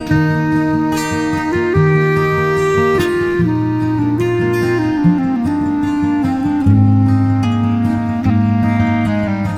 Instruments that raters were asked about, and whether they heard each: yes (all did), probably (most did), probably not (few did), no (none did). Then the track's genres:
clarinet: yes
saxophone: probably not
cymbals: no
Country; Folk